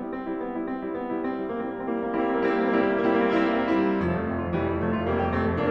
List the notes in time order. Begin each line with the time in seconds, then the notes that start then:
0.00 G3 E4
0.09 C4
0.27 G3 E4
0.38 B3
0.56 G3 E4
0.68 C4
0.80 G3 E4
0.95 B3
1.03 G3 E4
1.23 C4
1.35 G3 E4
1.51 G3 A#3 E4
1.57 A#3 C4
1.65 C4
1.73 G3 A#3 E4
1.79 C4
1.83 A#3
1.88 C4
1.97 G3 A#3 E4
2.04 C4
2.16 A#3
2.22 C4
2.28 G3 A#3 E4
2.32 C4
2.41 A#3
2.54 C4
2.59 G3 A#3 E4
2.69 C4
2.88 A#3
2.94 C4
2.98 G3 A#3 E4
3.07 C4
3.11 A#3
3.18 C4
3.24 G3 A#3 E4
3.31 C4
3.70 A#3
3.77 C4
3.85 G3 A#3 E4
3.90 C4
3.97 A3
4.03 A#3
4.08 F1 F3
4.31 F2 A3
4.40 F1 C4
4.50 F2 F4
4.61 F1 E3 G3
4.70 F2 E4
4.81 F1 F3 A3
4.90 F2 F4
5.03 F1 G3 A#3
5.13 F2 G4
5.33 F1 A3 C4
5.46 F2 A4
5.58 F1 A#3 D4